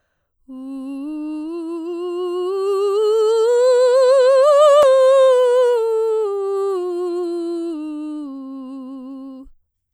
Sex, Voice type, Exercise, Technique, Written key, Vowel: female, soprano, scales, slow/legato piano, C major, u